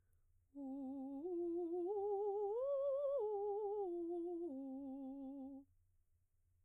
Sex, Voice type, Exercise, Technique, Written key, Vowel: female, soprano, arpeggios, slow/legato piano, C major, u